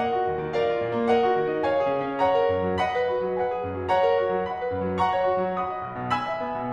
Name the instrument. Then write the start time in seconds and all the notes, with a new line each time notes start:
piano
0.00 A#4 D#5 F#5
0.17 F#4
0.30 D#2
0.42 D#3
0.55 A#4 D5 F5
0.68 F4
0.81 A#2
0.96 A#3
1.11 A#4 D#5 F#5
1.24 F#4
1.39 D#3
1.53 D#4
1.66 C#5 F5 G#5
1.80 G#4
1.96 C#3
2.10 C#4
2.22 C#5 F#5 A#5
2.30 A#4
2.48 F#2
2.60 F#3
2.81 D#5 F#5 B5
2.97 B4
3.10 F#4
3.26 F#3
3.39 B4 F#5 G#5
3.52 G#4
3.62 F#2
3.75 F#3
3.88 C#5 F#5 A#5
4.04 A#4
4.12 F#4
4.30 F#3
4.47 D#5 F#5 B5
4.59 B4
4.73 F#2
4.84 F#3
4.99 F#5 A#5 C#6
5.13 C#5
5.28 F#4
5.45 F#3
5.58 F#5 B5 D#6
5.72 D#5
5.84 B1
5.96 B2
6.10 G#5 B5 E6
6.26 E5
6.43 B3
6.56 B2